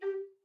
<region> pitch_keycenter=67 lokey=67 hikey=68 tune=-6 volume=12.883942 offset=329 ampeg_attack=0.004000 ampeg_release=10.000000 sample=Aerophones/Edge-blown Aerophones/Baroque Bass Recorder/Staccato/BassRecorder_Stac_G3_rr1_Main.wav